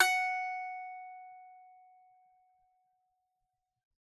<region> pitch_keycenter=78 lokey=78 hikey=78 volume=-2.979660 lovel=100 hivel=127 ampeg_attack=0.004000 ampeg_release=15.000000 sample=Chordophones/Composite Chordophones/Strumstick/Finger/Strumstick_Finger_Str3_Main_F#4_vl3_rr1.wav